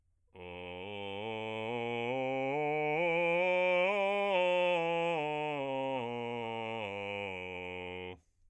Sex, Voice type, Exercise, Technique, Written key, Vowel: male, bass, scales, slow/legato forte, F major, o